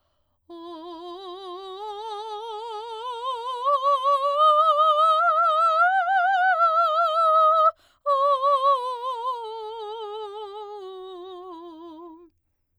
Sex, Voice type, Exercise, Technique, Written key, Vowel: female, soprano, scales, slow/legato forte, F major, o